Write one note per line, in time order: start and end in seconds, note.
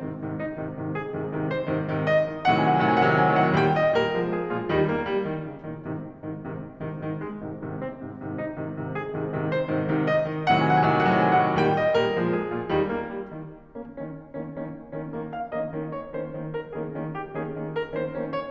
0.00 0.17 G#2
0.00 0.17 C3
0.00 0.17 D#3
0.17 0.42 G#2
0.17 0.42 C3
0.17 0.42 D#3
0.43 0.62 D#4
0.62 0.85 G#2
0.62 0.85 C3
0.62 0.85 D#3
0.85 1.02 G#2
0.85 1.02 C3
0.85 1.02 D#3
1.02 1.21 G#4
1.22 1.32 G#2
1.22 1.32 C3
1.22 1.32 D#3
1.32 1.50 G#2
1.32 1.50 C3
1.32 1.50 D#3
1.50 1.67 C5
1.67 1.88 G#2
1.67 1.88 C3
1.67 1.88 D#3
1.88 2.05 G#2
1.88 2.05 C3
1.88 2.05 D#3
2.05 2.26 D#5
2.26 2.44 G#2
2.26 2.44 C3
2.26 2.44 D#3
2.44 2.60 A2
2.44 2.60 C3
2.44 2.60 D#3
2.44 2.60 F#3
2.60 2.61 F#5
2.80 2.97 A2
2.80 2.97 C3
2.80 2.97 D#3
2.80 2.97 F#3
2.97 3.15 A2
2.97 3.15 C3
2.97 3.15 D#3
2.97 3.15 F#3
3.07 3.08 F#5
3.18 3.19 G#5
3.33 3.52 A2
3.33 3.52 C3
3.33 3.52 D#3
3.33 3.52 F#3
3.42 3.53 F5
3.47 3.52 F#5
3.52 3.76 A#2
3.52 3.76 D#3
3.52 3.76 G3
3.52 3.76 G5
3.76 3.96 D#5
3.96 4.17 A#2
3.96 4.17 D#3
3.96 4.17 G3
3.96 4.35 A#4
4.17 4.35 A#2
4.17 4.35 D3
4.17 4.35 G#3
4.35 4.54 G#4
4.54 4.74 A#2
4.54 4.74 D3
4.54 4.74 G#3
4.54 4.74 F4
4.74 4.93 D#2
4.74 4.93 D#3
4.74 4.93 G3
4.74 4.93 D#4
4.93 5.10 A#3
5.10 5.27 G3
5.28 5.48 D#3
5.48 5.67 C#3
5.67 5.89 A#2
5.67 5.89 D#3
5.89 6.10 G#2
5.89 6.10 C3
5.89 6.10 D#3
6.34 6.54 G#2
6.34 6.54 C3
6.34 6.54 D#3
6.54 6.75 G#2
6.54 6.75 C3
6.54 6.75 D#3
6.90 7.04 G#2
6.90 7.04 C3
6.90 7.04 D#3
7.05 7.23 G#2
7.05 7.23 C3
7.05 7.23 D#3
7.23 7.42 G#3
7.42 7.62 G#2
7.42 7.62 C3
7.42 7.62 D#3
7.62 7.84 G#2
7.62 7.84 C3
7.62 7.84 D#3
7.84 8.03 C4
8.03 8.22 G#2
8.03 8.22 C3
8.03 8.22 D#3
8.22 8.42 G#2
8.22 8.42 C3
8.22 8.42 D#3
8.42 8.59 D#4
8.59 8.78 G#2
8.59 8.78 C3
8.59 8.78 D#3
8.79 8.94 G#2
8.79 8.94 C3
8.79 8.94 D#3
8.94 9.09 G#4
9.09 9.28 G#2
9.09 9.28 C3
9.09 9.28 D#3
9.28 9.51 G#2
9.28 9.51 C3
9.28 9.51 D#3
9.52 9.69 C5
9.69 9.88 G#2
9.69 9.88 C3
9.69 9.88 D#3
9.88 10.12 G#2
9.88 10.12 C3
9.88 10.12 D#3
10.12 10.32 D#5
10.32 10.50 G#2
10.32 10.50 C3
10.32 10.50 D#3
10.51 10.70 A2
10.51 10.70 C3
10.51 10.70 D#3
10.51 10.70 F#3
10.76 10.77 F#5
10.88 11.06 A2
10.88 11.06 C3
10.88 11.06 D#3
10.88 11.06 F#3
10.92 10.94 G#5
11.06 11.27 A2
11.06 11.27 C3
11.06 11.27 D#3
11.06 11.27 F#3
11.06 11.08 F#5
11.41 11.42 G#5
11.47 11.62 A2
11.47 11.62 C3
11.47 11.62 D#3
11.47 11.62 F#3
11.54 11.62 F5
11.54 11.62 F#5
11.62 11.82 A#2
11.62 11.82 D#3
11.62 11.82 G3
11.62 11.82 G5
11.82 11.99 D#5
11.99 12.19 A#2
11.99 12.19 D#3
11.99 12.19 G3
11.99 12.38 A#4
12.19 12.38 A#2
12.19 12.38 D3
12.19 12.38 G#3
12.38 12.54 G#4
12.54 12.74 A#2
12.54 12.74 D3
12.54 12.74 G#3
12.54 12.74 F4
12.74 12.93 D#2
12.74 12.93 D#3
12.74 12.93 G3
12.74 12.93 D#4
12.95 13.11 A#3
13.11 13.32 G3
13.32 13.51 D#3
13.72 14.01 D#3
13.72 14.01 A#3
13.72 14.01 C#4
14.01 14.21 D#3
14.01 14.21 A#3
14.01 14.21 C#4
14.42 14.62 D#3
14.42 14.62 A#3
14.42 14.62 C#4
14.62 14.77 D#3
14.62 14.77 A#3
14.62 14.77 C#4
14.93 15.15 D#3
14.93 15.15 A#3
14.93 15.15 C#4
15.15 15.34 D#3
15.15 15.34 A#3
15.15 15.34 C#4
15.34 15.51 F5
15.52 15.71 D#3
15.52 15.71 A#3
15.52 15.71 C#4
15.52 15.71 D#5
15.71 15.95 D#3
15.71 15.95 A#3
15.71 15.95 C#4
15.95 16.16 C#5
16.16 16.35 D#3
16.16 16.35 A#3
16.16 16.35 C#4
16.16 16.35 C5
16.35 16.54 D#3
16.35 16.54 A#3
16.35 16.54 C#4
16.54 16.70 A#4
16.70 16.92 D#3
16.70 16.92 A#3
16.70 16.92 C#4
16.70 16.92 G#4
16.92 17.15 D#3
16.92 17.15 A#3
16.92 17.15 C#4
17.15 17.33 G4
17.35 17.48 D#3
17.35 17.48 A#3
17.35 17.48 C#4
17.35 17.48 G#4
17.48 17.69 D#3
17.48 17.69 A#3
17.48 17.69 C#4
17.69 17.89 A#4
17.89 18.11 D#3
17.89 18.11 A#3
17.89 18.11 C#4
17.89 18.11 C5
18.11 18.34 D#3
18.11 18.34 A#3
18.11 18.34 C#4
18.34 18.51 C#5